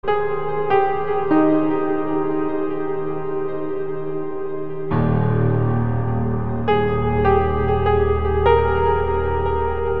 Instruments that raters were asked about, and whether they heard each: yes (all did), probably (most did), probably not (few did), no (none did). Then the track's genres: piano: yes
Ambient Electronic; Ambient